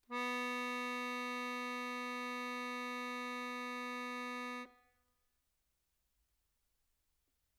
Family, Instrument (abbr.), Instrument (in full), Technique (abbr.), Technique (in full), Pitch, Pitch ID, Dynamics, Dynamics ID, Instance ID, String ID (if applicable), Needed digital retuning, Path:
Keyboards, Acc, Accordion, ord, ordinario, B3, 59, mf, 2, 4, , TRUE, Keyboards/Accordion/ordinario/Acc-ord-B3-mf-alt4-T10d.wav